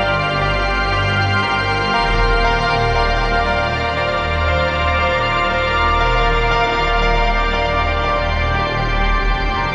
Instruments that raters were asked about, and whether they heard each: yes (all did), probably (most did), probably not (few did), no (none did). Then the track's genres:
organ: yes
Ambient Electronic; New Age